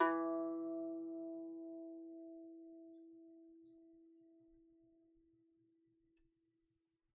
<region> pitch_keycenter=52 lokey=52 hikey=53 volume=7.564340 lovel=66 hivel=99 ampeg_attack=0.004000 ampeg_release=15.000000 sample=Chordophones/Composite Chordophones/Strumstick/Finger/Strumstick_Finger_Str1_Main_E2_vl2_rr1.wav